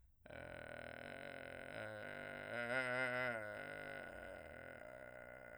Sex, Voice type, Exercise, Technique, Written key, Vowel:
male, , arpeggios, vocal fry, , e